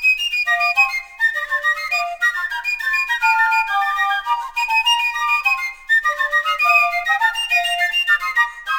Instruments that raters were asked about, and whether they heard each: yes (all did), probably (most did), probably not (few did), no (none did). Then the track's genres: clarinet: probably
guitar: no
flute: yes
Classical; Americana